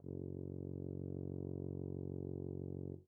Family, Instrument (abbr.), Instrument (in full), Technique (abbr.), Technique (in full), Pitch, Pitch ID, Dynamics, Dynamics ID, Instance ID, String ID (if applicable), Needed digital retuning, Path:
Brass, BTb, Bass Tuba, ord, ordinario, F#1, 30, mf, 2, 0, , TRUE, Brass/Bass_Tuba/ordinario/BTb-ord-F#1-mf-N-T18u.wav